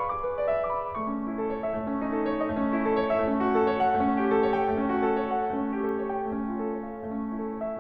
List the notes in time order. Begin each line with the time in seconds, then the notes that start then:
0.00 G#4 D6
0.17 B4
0.36 D5
0.52 F5
0.67 D6
0.84 B5
0.99 A3 C#6
1.09 C#4
1.25 E4
1.39 A4
1.50 C#5
1.65 E5
1.78 A3
1.93 C#4
2.07 D#4
2.18 A4
2.30 C#5
2.36 D#5
2.48 A3
2.61 C#4
2.75 E4
2.87 A4
2.95 C#5
3.10 E5
3.25 A3
3.36 C#4
3.48 F#4
3.60 A4
3.70 C#5
3.81 F#5
3.91 A3
4.05 C#4
4.20 G4
4.31 A4
4.40 C#5
4.54 G5
4.69 A3
4.77 C#4
4.89 F#4
5.00 A4
5.17 C#5
5.31 F#5
5.45 A3
5.58 C#4
5.75 G4
5.89 A4
6.03 C#5
6.13 G5
6.27 A3
6.39 C#4
6.51 F4
6.63 A4
6.73 C#5
6.86 F5
6.98 A3
7.15 C#4
7.31 E4
7.41 A4
7.51 C#5
7.65 E5